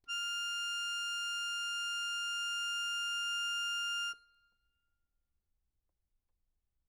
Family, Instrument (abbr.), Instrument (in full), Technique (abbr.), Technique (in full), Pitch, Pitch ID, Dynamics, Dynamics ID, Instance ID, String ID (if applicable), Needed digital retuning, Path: Keyboards, Acc, Accordion, ord, ordinario, F6, 89, ff, 4, 2, , FALSE, Keyboards/Accordion/ordinario/Acc-ord-F6-ff-alt2-N.wav